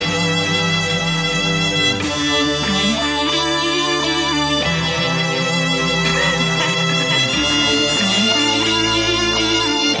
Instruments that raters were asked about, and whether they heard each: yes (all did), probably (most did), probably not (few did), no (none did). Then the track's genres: violin: yes
Funk; Hip-Hop; Bigbeat